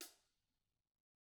<region> pitch_keycenter=42 lokey=42 hikey=42 volume=35.805442 offset=124 lovel=0 hivel=54 seq_position=2 seq_length=2 ampeg_attack=0.004000 ampeg_release=30.000000 sample=Idiophones/Struck Idiophones/Hi-Hat Cymbal/HiHat_HitC_v1_rr2_Mid.wav